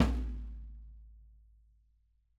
<region> pitch_keycenter=65 lokey=65 hikey=65 volume=10.961503 lovel=107 hivel=127 seq_position=1 seq_length=2 ampeg_attack=0.004000 ampeg_release=30.000000 sample=Membranophones/Struck Membranophones/Snare Drum, Rope Tension/Low/RopeSnare_low_tsn_Main_vl4_rr4.wav